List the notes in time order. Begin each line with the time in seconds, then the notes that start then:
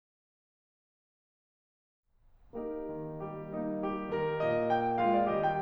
2.09 A#3 D#4 G4 A#4
2.94 D#3
3.25 G3 G4
3.52 A#3 D#4
3.85 G3 G4
4.10 D#3 A#4
4.38 A#2 D#5
4.69 G5
4.99 G#3 F4 F5
5.13 D5
5.30 D#3 G3 G4 D#5
5.43 G5